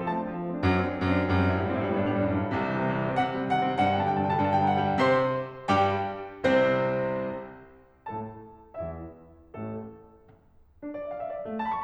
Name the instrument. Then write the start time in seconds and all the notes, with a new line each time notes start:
piano
0.00 F3 A4
0.07 A3 A5
0.15 C4
0.21 D4
0.28 F3
0.36 A3
0.46 C4
0.55 D4
0.62 F#2 F#3
0.71 A3
0.80 C4
0.86 D4
0.93 F#2 F#3
1.01 A3
1.08 C4
1.16 D4
1.24 F#2 G3
1.37 G2 C4
1.45 A2 E4
1.51 G2
1.59 G2 A2 G3
1.65 C4
1.71 A2
1.75 G2 E4
1.85 A2 G3
1.93 G2 B3
2.01 A2 D4
2.07 G2
2.11 A2 G3
2.19 G2 B3
2.25 F#2
2.30 D4
2.37 C2 C3
2.45 E3
2.53 G3
2.61 C4
2.71 C3
2.82 E3
2.90 G3
2.97 C4
3.10 C3 F#5
3.26 D#3
3.37 G3
3.47 C3 F#5
3.56 D#3
3.72 G3
3.82 G2 F#5
3.89 C3 G5
3.97 D3 A5
4.04 G3 G5
4.11 G2 A5
4.19 C3 G5
4.27 D3 A5
4.35 G3 G5
4.45 G2 A5
4.55 B2 G5
4.62 D3 A5
4.70 G3 G5
4.81 G2 A5
4.89 B2 G5
4.95 D3 F#5
5.03 G3 G5
5.10 C3 C5 C6
5.70 G2 G3 G4 G5
6.55 C2 C3 C4 C5
8.08 A2 A3 A4 A5
8.75 E2 E3 E4 E5
9.54 A1 A2 A3 A4
10.82 D4
10.94 D5
11.05 E5
11.16 F5
11.25 E5
11.35 D5
11.46 A3
11.53 A5
11.62 B5
11.73 C#6